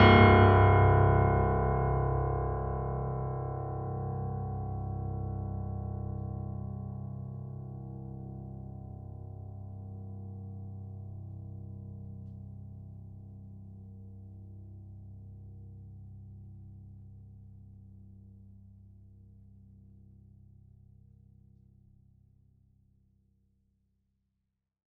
<region> pitch_keycenter=24 lokey=24 hikey=25 volume=1.151897 lovel=100 hivel=127 locc64=65 hicc64=127 ampeg_attack=0.004000 ampeg_release=0.400000 sample=Chordophones/Zithers/Grand Piano, Steinway B/Sus/Piano_Sus_Close_C1_vl4_rr1.wav